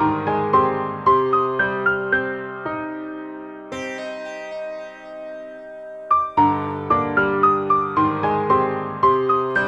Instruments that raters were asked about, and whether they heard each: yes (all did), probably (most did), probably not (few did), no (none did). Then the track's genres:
piano: yes
bass: no
Ambient; Composed Music; Minimalism